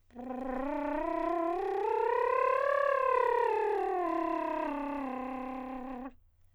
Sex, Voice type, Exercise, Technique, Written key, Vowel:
male, countertenor, scales, lip trill, , a